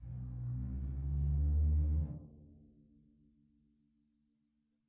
<region> pitch_keycenter=70 lokey=70 hikey=70 volume=25.000000 offset=28 ampeg_attack=0.004000 ampeg_release=2.000000 sample=Membranophones/Struck Membranophones/Bass Drum 2/bassdrum_rub7.wav